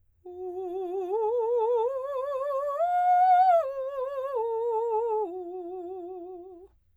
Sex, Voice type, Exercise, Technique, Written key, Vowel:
female, soprano, arpeggios, slow/legato piano, F major, u